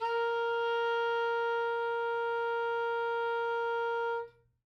<region> pitch_keycenter=70 lokey=69 hikey=72 volume=18.051705 lovel=0 hivel=83 ampeg_attack=0.004000 ampeg_release=0.500000 sample=Aerophones/Reed Aerophones/Saxello/Non-Vibrato/Saxello_SusNV_MainSpirit_A#3_vl2_rr2.wav